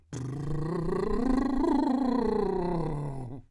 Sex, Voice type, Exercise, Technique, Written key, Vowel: male, , scales, lip trill, , i